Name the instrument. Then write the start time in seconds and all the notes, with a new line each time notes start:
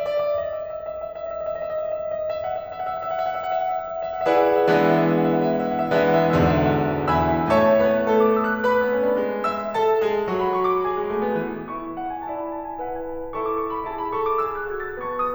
piano
0.00 D#5
0.15 E5
0.23 D#5
0.31 E5
0.38 D#5
0.48 E5
0.59 D#5
0.69 E5
0.78 D#5
0.91 E5
1.00 D#5
1.08 E5
1.16 D#5
1.25 E5
1.34 D#5
1.43 E5
1.52 D#5
1.60 E5
1.74 D#5
1.85 E5
1.95 D#5
2.04 E5
2.12 D#5
2.21 E5
2.30 D5
2.35 E5
2.40 F#5
2.46 E5
2.52 F#5
2.58 E5
2.68 F#5
2.74 E5
2.82 F#5
2.89 E5
2.95 F#5
3.04 E5
3.15 F#5
3.25 E5
3.30 F#5
3.34 E5
3.44 F#5
3.55 E5
3.61 E5 F#5
3.68 F#5
3.80 E5
3.85 F#5
3.90 E5
3.95 F#5
4.01 E5
4.10 F#5
4.21 E5
4.27 E4 G#4 B4 D5 F#5
4.44 E5
4.52 F#5
4.59 E5
4.66 E3 G#3 B3 D4 F#5
4.74 E5
4.79 F#5
4.86 E5
4.92 F#5
5.00 E5
5.05 F#5
5.11 E5
5.19 F#5
5.25 E5
5.31 F#5
5.35 E5
5.41 F#5
5.47 E5
5.53 F#5
5.58 E5 F#5
5.67 E5
5.72 E5 F#5
5.81 F#5
5.85 E5
5.90 F#5
5.96 E5
6.01 F#5
6.07 E5
6.13 F#5
6.19 E5
6.23 E3 G#3 B3 D4 F#5
6.29 E5
6.35 F#5
6.41 E5
6.47 E2 G#2 B2 D3 F#5
6.52 E5
6.57 F#5
6.64 E5
6.70 F#5
6.75 E5
6.80 F#5
6.85 E5
6.91 F#5
6.97 E5
7.02 F#5
7.08 E5
7.13 E2 E3 E5 G#5 B5 E6
7.45 A2 A3 C#5 E5 A5 C#6
7.77 B3 B4
8.10 A3 A4
8.22 D6
8.39 E6
8.51 F#6
8.64 B4 B5
8.84 B3
8.96 C#4
9.08 D4
9.18 G#3
9.45 E5 E6
9.73 A4 A5
10.05 G#3 G#4
10.30 F#3 F#4
10.38 B5
10.52 C#6
10.66 D6
10.84 G#4 G#5
10.98 G#3
11.09 A3
11.23 B3
11.35 E3
11.68 E4 E5 C#6
11.97 F#5
12.13 G#5
12.29 E4 D5 A5
12.40 B5
12.52 A5
12.67 G#5
12.79 E4 B4 F#5
12.95 G#5
13.08 A5
13.24 B5
13.34 E4 A4 C#6
13.48 D6
13.63 C#6
13.76 B5
13.90 E4 G#4 A5
14.00 B5
14.14 A4 C#6
14.27 D6
14.42 G#4 E6
14.55 F#6
14.71 F#4 G#6
14.86 A6
15.00 B3 B4 A5 C#6
15.19 D#6